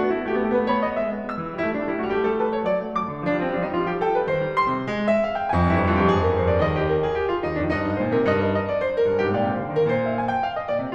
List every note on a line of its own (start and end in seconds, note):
0.00 0.12 A3
0.00 0.13 F#4
0.06 0.17 B3
0.14 0.22 A3
0.14 0.23 E4
0.19 0.29 B3
0.23 0.35 A3
0.23 0.36 F#4
0.33 0.44 A3
0.33 0.39 B3
0.33 0.45 G4
0.41 0.51 B3
0.46 0.57 A3
0.46 0.58 A4
0.53 0.62 B3
0.58 0.66 A3
0.58 0.68 B4
0.64 0.73 B3
0.68 0.79 A3
0.68 0.80 C#5
0.68 0.93 B5
0.75 0.85 B3
0.82 0.91 A3
0.82 0.93 D#5
0.87 0.98 B3
0.93 1.08 G#3
0.93 1.30 E5
1.09 1.30 B3
1.30 1.40 G#3
1.30 1.58 E6
1.40 1.58 E3
1.59 1.72 G3
1.59 1.73 E4
1.67 1.78 A3
1.73 1.82 G3
1.73 1.85 D4
1.79 1.89 A3
1.86 1.93 G3
1.86 1.95 E4
1.90 1.99 A3
1.95 2.04 G3
1.95 2.05 F#4
2.01 2.09 A3
2.05 2.15 G3
2.05 2.16 G4
2.11 2.24 A3
2.21 2.39 G3
2.21 2.40 A4
2.25 2.44 A3
2.40 2.47 G3
2.40 2.54 B4
2.40 2.64 A5
2.45 2.58 A3
2.54 2.62 G3
2.54 2.64 C#5
2.59 2.69 A3
2.64 2.76 F#3
2.64 2.97 D5
2.76 2.97 A3
2.98 3.12 F#3
2.98 3.25 D6
3.12 3.25 D3
3.25 3.38 F3
3.25 3.39 D4
3.31 3.47 G3
3.40 3.55 F3
3.40 3.56 C4
3.52 3.61 G3
3.56 3.67 F3
3.56 3.68 D4
3.62 3.73 G3
3.69 3.78 F3
3.69 3.80 D#4
3.74 3.84 G3
3.80 3.90 F3
3.80 3.91 F4
3.87 3.95 G3
3.91 3.99 F3
3.91 4.01 G4
3.96 4.04 G3
4.02 4.09 F3
4.02 4.10 A4
4.02 4.20 G5
4.06 4.19 F3
4.06 4.13 G3
4.06 4.20 B4
4.16 4.30 G3
4.23 4.39 D#3
4.23 4.49 C5
4.39 4.49 G3
4.49 4.75 D#3
4.49 5.07 C6
4.76 4.91 C3
4.91 5.31 G#3
5.07 5.31 E5
5.32 5.41 F5
5.41 5.51 G5
5.53 5.67 F2
5.53 5.90 G#5
5.61 5.78 G2
5.68 5.89 F2
5.68 5.90 E4
5.85 5.93 G2
5.90 6.04 F2
5.90 6.05 F4
5.97 6.08 G2
6.06 6.16 F2
6.06 6.18 G4
6.11 6.23 G2
6.18 6.29 F2
6.18 6.72 G#4
6.27 6.35 G2
6.32 6.40 F2
6.32 6.41 A#4
6.36 6.44 G2
6.41 6.50 F2
6.41 6.51 C5
6.47 6.55 G2
6.51 6.59 F2
6.51 6.61 D5
6.56 6.65 G2
6.62 7.20 D#2
6.62 7.20 D#5
6.72 6.86 G4
6.86 7.05 A#4
7.05 7.20 G#4
7.20 7.31 G4
7.33 7.47 F4
7.47 7.62 D#2
7.47 7.62 D#4
7.62 7.73 F2
7.62 7.73 D4
7.74 7.89 G2
7.74 8.81 D#4
7.74 7.89 D#5
7.89 7.99 G#2
7.89 7.99 D5
8.01 8.13 A#2
8.01 8.13 C5
8.13 8.28 C3
8.13 8.28 A#4
8.28 8.81 G2
8.28 8.37 D#5
8.39 8.50 A#4
8.50 8.67 D#5
8.70 8.81 D5
8.81 9.01 C5
9.01 9.10 A#4
9.11 9.21 G2
9.11 9.21 G#4
9.21 9.36 G#2
9.21 9.36 G4
9.36 9.54 A#2
9.36 9.54 D#5
9.36 10.03 G5
9.57 9.66 C3
9.57 9.66 D5
9.66 9.75 D3
9.66 9.75 C5
9.79 9.88 D#3
9.79 9.88 A#4
9.88 10.41 A#2
9.88 10.41 D5
10.03 10.19 F5
10.21 10.32 G#5
10.32 10.41 G5
10.43 10.55 F5
10.55 10.70 D#5
10.70 10.81 A#2
10.70 10.81 D5
10.82 10.95 C3
10.82 10.95 C5